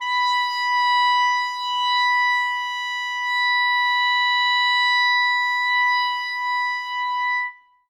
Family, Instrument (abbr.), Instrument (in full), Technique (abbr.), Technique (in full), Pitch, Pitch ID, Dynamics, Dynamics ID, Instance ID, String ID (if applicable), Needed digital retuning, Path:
Winds, ClBb, Clarinet in Bb, ord, ordinario, B5, 83, ff, 4, 0, , FALSE, Winds/Clarinet_Bb/ordinario/ClBb-ord-B5-ff-N-N.wav